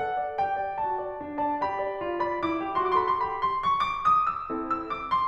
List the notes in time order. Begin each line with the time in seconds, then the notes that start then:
0.00 A4 F#5
0.21 D5
0.37 G4 G5
0.57 D5
0.78 F#4 A5
1.03 D5
1.22 D4
1.43 D5 A5
1.61 G4 B5
1.81 D5
2.01 F4
2.22 D5 B5
2.43 E4 D6
2.62 G4
2.80 F#4 C6
2.88 D6
2.93 C6 D6
3.01 A4 C6
3.05 D6
3.10 B5
3.17 C6
3.22 G4 B5
3.44 C6
3.61 C#6
3.82 D6
4.04 D#6
4.26 E6
4.50 C4 E4 A4
4.73 E6
4.88 D6
5.09 C6